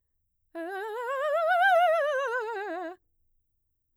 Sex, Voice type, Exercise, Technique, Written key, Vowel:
female, mezzo-soprano, scales, fast/articulated piano, F major, e